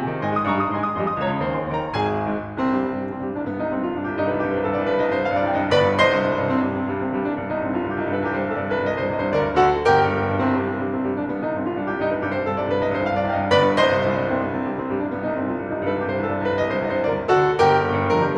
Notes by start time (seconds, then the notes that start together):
0.00 C3 G#4 G#5
0.12 D#3
0.24 G#2 D#5 G#5 C6
0.37 G#3 D#6
0.48 G2 D#5 G#5 C6
0.59 G3 D#6
0.72 G#2 D#5 G#5 C6
0.87 G#3 D#6
1.01 F2 D#5 C6
1.13 F3 D#6
1.23 C#2 C#5 A#5
1.36 C#3 C#6
1.49 D#2 C5 G#5
1.65 D#3 C6
1.74 D#2 A#4 G5
1.85 D#3 A#5
1.95 A#1 G#4 G#5
2.17 G#2
2.55 C2 C4
2.75 G2 G3
2.84 C2 C4
2.96 G2 G3
3.15 C2 C4
3.24 G2 G3
3.38 C2 D4
3.50 G2 B3
3.60 C2 D#4
3.75 G2 C4
3.87 C2 F4
3.97 G2 D4
4.09 C2 G4
4.19 G2 D#4
4.30 C2 B4
4.38 G2 G4
4.52 C2 C5
4.64 G2 A4
4.78 C2 D5
4.93 G2 B4
5.02 C2 D#5
5.14 G2 C5
5.26 C2 F5
5.35 G2 D5
5.45 C2 D#5 G5
5.62 G2
5.74 G1 B4 D5 B5
5.88 G2
6.01 C2 C5 D#5 C6
6.14 G2
6.29 C2
6.42 G2
6.55 C2 C4
6.65 G2 G3
6.76 C2 C4
6.89 G2 G3
6.98 C2 C4
7.13 G2 G3
7.23 C2 D4
7.36 G2 B3
7.51 C2 D#4
7.63 G2 C4
7.73 C2 F4
7.85 G2 D4
7.95 C2 G4
8.07 G2 D#4
8.16 C2 B4
8.27 G2 G4
8.37 C2 C5
8.46 G2 A4
8.58 C2 D5
8.68 G2 B4
8.86 C2 D#5
9.00 G2 C5
9.13 C2 D#5
9.23 G2 C5
9.32 D2 A#4 D5
9.45 G2
9.57 D2 F#4 A4 F#5
9.73 D3
9.82 G1 G4 A#4 G5
9.97 G2
10.19 G1
10.34 G2
10.45 C2 C4
10.58 G2 G3
10.67 C2 C4
10.81 G2 G3
10.90 C2 C4
11.05 G2 G3
11.16 C2 D4
11.30 G2 B3
11.44 C2 D#4
11.53 G2 C4
11.62 C2 F4
11.76 G2 D4
11.88 C2 G4
11.99 G2 D#4
12.12 C2 B4
12.24 G2 G4
12.33 C2 C5
12.43 G2 A4
12.55 C2 D5
12.67 G2 B4
12.79 C2 D#5
12.91 G2 C5
13.00 C2 F5
13.10 G2 D5
13.26 C2 D#5 G5
13.38 G2
13.48 G1 B4 D5 B5
13.58 G2
13.80 C2 C5 D#5 C6
13.99 G2
14.19 C2
14.28 G2
14.36 C2 C4
14.48 G2 G3
14.59 C2 C4
14.71 G2 G3
14.79 C2 C4
14.93 G2 G3
15.02 C2 D4
15.12 G2 B3
15.27 C2 D#4
15.40 G2 C4
15.48 C2 F4
15.58 G2 D4
15.66 C2 G4
15.77 G2 D#4
15.85 C2 B4
15.95 G2 G4
16.06 C2 C5
16.15 G2 A4
16.27 C2 D5
16.44 G2 B4
16.57 C2 D#5
16.68 G2 C5
16.78 C2 D#5
16.92 G2 C5
17.06 D2 A#4 D5
17.16 G2
17.33 D2 F#4 A4 F#5
17.46 D3
17.61 G1 G4 A#4 G5
17.78 G2
17.87 G1
17.98 G2
18.10 G2 A#4
18.20 D3 G4